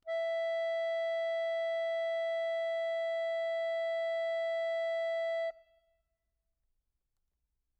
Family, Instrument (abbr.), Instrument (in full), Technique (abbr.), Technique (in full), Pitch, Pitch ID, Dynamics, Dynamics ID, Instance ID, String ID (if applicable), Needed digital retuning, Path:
Keyboards, Acc, Accordion, ord, ordinario, E5, 76, mf, 2, 2, , FALSE, Keyboards/Accordion/ordinario/Acc-ord-E5-mf-alt2-N.wav